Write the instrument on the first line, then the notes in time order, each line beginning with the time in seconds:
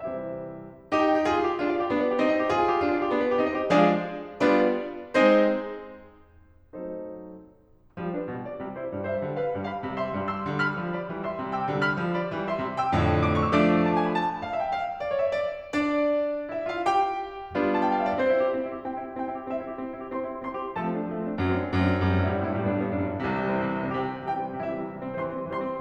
piano
0.00 C3 E3 G3 C4 E4 G4 C5 E5
1.01 E4 G4
1.10 G5
1.20 E5
1.25 G4
1.32 F4 G#4
1.40 G#5
1.49 F5
1.57 G4
1.64 D4 F4
1.70 D5 F5
1.81 G4
1.88 B3 D4
1.96 D5
2.03 B4
2.12 G4
2.21 C4 D#4
2.28 D#5
2.37 C5
2.41 G4
2.50 F4 G#4
2.55 G#5
2.64 F5
2.71 G4
2.81 D4 F4
2.88 F5
2.96 D5
3.03 G4
3.10 B3 D4
3.17 D5
3.25 B4
3.33 G4
3.40 C4 D#4
3.49 D#5
3.54 C5
3.63 G4
3.72 F3 G#3 D4 G#4 D5 F5
4.50 G3 B3 D4 F4 B4 D5
5.17 G#3 C4 D#4 G#4 C5
6.71 F#3 A3 C4 D#4 A4 C5
8.00 F3 G3
8.15 D4 B4
8.28 B2 G3
8.44 F4 D5
8.61 C3 G3
8.80 E4 C5
8.95 G2 G3
9.08 C5 E5
9.22 D3 G3
9.37 B4 F5
9.53 G2 G3
9.71 F5 B5
9.83 C3 G3
9.96 E5 C6
10.14 G2 G3
10.29 C6 E6
10.46 D3 G3
10.62 B5 F6
10.76 F3 G3
10.99 D5 B5
11.13 E3 G3
11.26 E5 C6
11.39 C3 G3
11.53 G5 E6
11.69 D3 G3
11.84 F5 F6
11.98 F3 G3
12.13 D5 B5
12.28 E3 G3
12.48 E5 C6
12.62 C3 G3
12.78 G5 E6
12.97 F2 A2 D3
13.44 D6
13.54 C#6
13.63 E6
13.73 F3 A3 D4 D6
14.01 A5
14.12 G#5
14.22 B5
14.30 A5
14.52 F5
14.62 E5
14.70 G5
14.79 F5
15.06 D5
15.19 C#5
15.29 E5
15.42 D5
15.77 D4 D5
16.54 E4 E5
16.70 F4 F5
16.88 G4 G5
17.57 G3 B3 D4 F4
17.68 A5
17.81 G5
17.90 F5
18.00 E5
18.10 D5
18.20 C4 C5
18.33 E4
18.43 G4
18.52 C4
18.66 E4
18.77 G4
18.89 C4 G5
19.01 E4
19.11 G4
19.18 C4 G5
19.28 E4
19.37 G4
19.47 C4 E5
19.60 E4
19.69 G4
19.80 C4
19.91 E4
20.03 G4
20.13 C4 C5 C6
20.24 E4
20.33 G4
20.43 C4 C5 C6
20.56 E4
20.68 G4
20.77 F3 A3 A4 A5
20.86 C4
20.97 D4
21.08 F3 A3
21.21 C4
21.30 D4
21.43 F#2 F#3 A3
21.52 C4
21.62 D4
21.76 F#2 F#3 A3
21.85 C4
21.94 D4
22.05 F#2 G3
22.15 G2 C4
22.29 A2
22.36 G2 E4
22.48 A2 G3
22.58 G2 C4
22.67 A2
22.73 G2 E4
22.80 A2 G3
22.87 G2 B3
22.93 A2 D4
22.99 G2
23.06 A2 G3
23.12 G2 B3
23.20 F#2
23.24 D4
23.36 C2 C3
23.43 E3
23.50 G3
23.57 C4
23.67 C3
23.78 E3
23.86 G3
23.94 C4
24.03 C3 G4
24.10 E3 G5
24.20 G3
24.28 C4
24.37 C3 G4
24.43 E3 G5
24.47 G3
24.56 C4
24.62 C3 E4
24.71 E3 E5
24.79 G3
24.87 C4
24.94 C3
24.98 E3 G3
25.09 C4
25.18 E3 C5
25.25 G3 C6
25.36 C4
25.46 E3 C5
25.53 G3 C6
25.66 C4